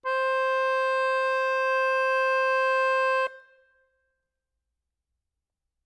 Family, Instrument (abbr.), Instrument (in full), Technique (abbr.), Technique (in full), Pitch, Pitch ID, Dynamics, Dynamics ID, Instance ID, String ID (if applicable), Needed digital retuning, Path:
Keyboards, Acc, Accordion, ord, ordinario, C5, 72, ff, 4, 1, , FALSE, Keyboards/Accordion/ordinario/Acc-ord-C5-ff-alt1-N.wav